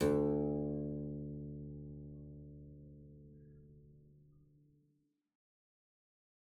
<region> pitch_keycenter=38 lokey=38 hikey=39 volume=0.767934 trigger=attack ampeg_attack=0.004000 ampeg_release=0.350000 amp_veltrack=0 sample=Chordophones/Zithers/Harpsichord, English/Sustains/Lute/ZuckermannKitHarpsi_Lute_Sus_D1_rr1.wav